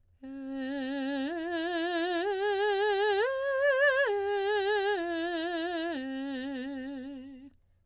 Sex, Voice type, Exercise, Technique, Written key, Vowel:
female, soprano, arpeggios, slow/legato piano, C major, e